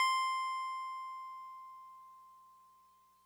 <region> pitch_keycenter=96 lokey=95 hikey=98 volume=14.842270 lovel=0 hivel=65 ampeg_attack=0.004000 ampeg_release=0.100000 sample=Electrophones/TX81Z/FM Piano/FMPiano_C6_vl1.wav